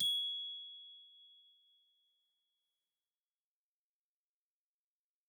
<region> pitch_keycenter=92 lokey=92 hikey=94 volume=15.643213 offset=932 ampeg_attack=0.004000 ampeg_release=15.000000 sample=Idiophones/Struck Idiophones/Glockenspiel/glock_loud_G#6_01.wav